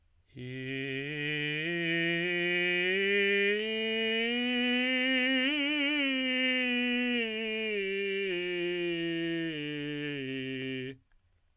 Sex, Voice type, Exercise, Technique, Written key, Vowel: male, tenor, scales, straight tone, , i